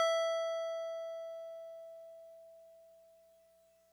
<region> pitch_keycenter=88 lokey=87 hikey=90 volume=15.110246 lovel=0 hivel=65 ampeg_attack=0.004000 ampeg_release=0.100000 sample=Electrophones/TX81Z/FM Piano/FMPiano_E5_vl1.wav